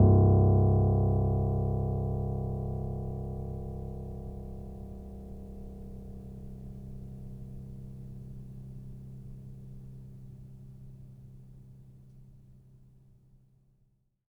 <region> pitch_keycenter=24 lokey=24 hikey=25 volume=0.964148 lovel=0 hivel=65 locc64=0 hicc64=64 ampeg_attack=0.004000 ampeg_release=0.400000 sample=Chordophones/Zithers/Grand Piano, Steinway B/NoSus/Piano_NoSus_Close_C1_vl2_rr1.wav